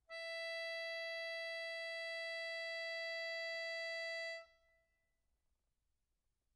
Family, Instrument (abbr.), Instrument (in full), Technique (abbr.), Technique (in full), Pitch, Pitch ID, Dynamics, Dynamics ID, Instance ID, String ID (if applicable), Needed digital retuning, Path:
Keyboards, Acc, Accordion, ord, ordinario, E5, 76, mf, 2, 4, , FALSE, Keyboards/Accordion/ordinario/Acc-ord-E5-mf-alt4-N.wav